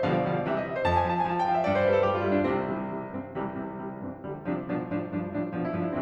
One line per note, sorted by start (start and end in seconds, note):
0.00 0.23 B2
0.00 0.23 D3
0.00 0.23 F3
0.00 0.23 G3
0.00 0.14 F5
0.14 0.23 D5
0.24 0.46 B2
0.24 0.46 D3
0.24 0.46 F3
0.24 0.46 G3
0.24 0.34 F5
0.35 0.46 D5
0.46 0.68 C3
0.46 0.68 E3
0.46 0.68 G3
0.46 0.56 E5
0.56 0.68 D#5
0.68 0.77 E5
0.78 0.86 C5
0.86 1.07 F2
0.86 0.96 A5
0.96 1.07 G#5
1.07 1.27 F3
1.07 1.16 A5
1.17 1.27 G#5
1.30 1.51 F3
1.30 1.39 A5
1.39 1.51 G5
1.51 1.66 F3
1.51 1.59 F5
1.59 1.66 E5
1.67 1.83 G2
1.67 1.75 D5
1.75 1.83 C5
1.83 2.04 G3
1.83 1.95 B4
1.95 2.04 A4
2.04 2.22 G3
2.04 2.11 G4
2.12 2.22 F4
2.22 2.43 G3
2.22 2.32 E4
2.32 2.43 D4
2.43 3.30 C2
2.43 2.68 C3
2.43 2.68 C4
2.69 2.89 C3
2.69 2.89 E3
2.69 2.89 G3
2.89 3.09 C3
2.89 3.09 E3
2.89 3.09 G3
3.10 3.30 G2
3.10 3.30 E3
3.10 3.30 C4
3.30 4.19 C2
3.30 3.52 C3
3.30 3.52 E3
3.30 3.52 G3
3.53 3.73 C3
3.53 3.73 E3
3.53 3.73 G3
3.73 3.99 C3
3.73 3.99 E3
3.73 3.99 G3
3.99 4.19 G2
3.99 4.19 E3
3.99 4.19 C4
4.20 6.03 C2
4.20 4.42 D3
4.20 4.42 F3
4.20 4.42 G3
4.42 4.68 C3
4.42 4.68 F3
4.42 4.68 D4
4.69 4.95 B2
4.69 4.95 F3
4.69 4.95 D4
4.95 5.14 A2
4.95 5.14 F3
4.95 5.14 D4
5.15 5.31 G2
5.15 5.31 F3
5.15 5.31 D4
5.31 5.53 A2
5.31 5.53 F3
5.31 5.53 D4
5.53 5.77 B2
5.53 5.68 F3
5.53 5.68 D4
5.69 5.77 E4
5.77 6.03 G2
5.77 5.89 F3
5.77 5.89 D4
5.89 6.03 E4